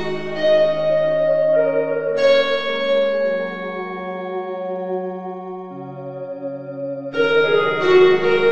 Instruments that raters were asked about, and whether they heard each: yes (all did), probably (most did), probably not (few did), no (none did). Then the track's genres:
organ: yes
violin: probably not
Experimental; Ambient